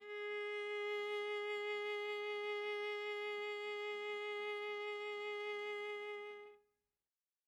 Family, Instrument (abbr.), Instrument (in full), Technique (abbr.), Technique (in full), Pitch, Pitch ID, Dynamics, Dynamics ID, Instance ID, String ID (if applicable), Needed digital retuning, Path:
Strings, Va, Viola, ord, ordinario, G#4, 68, mf, 2, 1, 2, TRUE, Strings/Viola/ordinario/Va-ord-G#4-mf-2c-T10d.wav